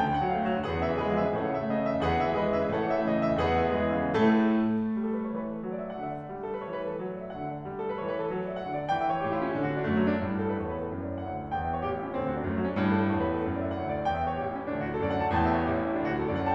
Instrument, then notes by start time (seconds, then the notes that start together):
piano
0.00 D2 G5
0.08 D3
0.13 F#5
0.21 F#3
0.37 A3 F5
0.50 F#3
0.55 F#5
0.59 D3
0.70 E2 G#4 B4 F#5
0.79 D3
0.85 E5
0.95 E3
1.06 G#3 G#4 B4 D#5
1.15 E3
1.20 E5
1.28 D3
1.40 A2 A4 C#5 F#5
1.52 C#3
1.59 E5
1.64 E3
1.74 A3 D#5
1.83 E3
1.88 E5
1.93 C#3
2.05 E2 G#4 B4 F#5
2.17 D3
2.22 E5
2.26 E3
2.43 G#3 G#4 B4 D#5
2.53 E3
2.60 E5
2.66 D3
2.75 A2 A4 C#5 F#5
2.87 C#3
2.91 E5
2.96 E3
3.05 A3 D#5
3.19 E3
3.24 E5
3.29 C#3
3.41 E2 G#4 B4 F#5
3.54 D3
3.59 E5
3.65 E3
3.77 G#3 G#4 B4 D#5
3.87 E3
3.92 E5
3.98 D3
4.09 A2 C#3 A4
4.19 A3
4.99 G3
5.12 A4
5.25 B4
5.36 E3 C#5
5.46 B4
5.57 A4
5.67 F#3
5.75 D5
5.84 E5
5.98 D3 F#5
6.10 E5
6.21 D5
6.32 G3
6.44 A4
6.54 B4
6.64 E3 C#5
6.79 B4
6.88 A4
6.98 F#3
7.09 D5
7.21 E5
7.34 D3 F#5
7.44 E5
7.53 D5
7.63 G3
7.72 A4
7.87 B4
7.99 E3 C#5
8.09 B4
8.19 A4
8.30 F#3
8.42 D5
8.51 E5
8.60 D3 F#5
8.71 E5
8.81 D5
8.92 E3 G5
9.04 E5
9.15 C#5
9.25 A2 G4
9.35 E4
9.43 C#4
9.53 D3 D4
9.65 F#4
9.76 D4
9.89 F#2 A3
10.00 F#3
10.11 D4
10.23 G2 A2
10.34 A4
10.51 B4
10.61 E2 C#5
10.69 B4
10.79 A4
10.88 F#2
11.01 D5
11.22 E5
11.31 D2 F#5
11.42 E5
11.51 D5
11.62 E2 G5
11.71 E5
11.80 C#5
11.89 A1 G4
11.99 E4
12.10 C#4
12.18 D2 D4
12.26 F#4
12.35 D4
12.45 F#2 A3
12.55 F#3
12.64 D4
12.76 G2 A2
12.89 A4
13.01 B4
13.15 E2 C#5
13.27 B4
13.35 A4
13.43 F#2
13.55 D5
13.69 E5
13.78 D2 F#5
13.87 E5
13.96 D5
14.11 E2 G5
14.23 E5
14.32 C#5
14.45 A1 G4
14.54 E4
14.63 C#4
14.74 D2 D4
14.85 F#4
14.94 A4
15.03 F#2 D5
15.15 F#5
15.26 A5
15.35 E2 A2 G5
15.44 E5
15.53 C#5
15.70 A1 G4
15.80 E4
15.89 C#4
15.98 F#2 D4
16.07 F#4
16.15 A4
16.24 D2 D5
16.34 F#5
16.45 A5